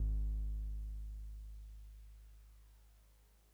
<region> pitch_keycenter=32 lokey=31 hikey=34 volume=21.017362 lovel=0 hivel=65 ampeg_attack=0.004000 ampeg_release=0.100000 sample=Electrophones/TX81Z/Piano 1/Piano 1_G#0_vl1.wav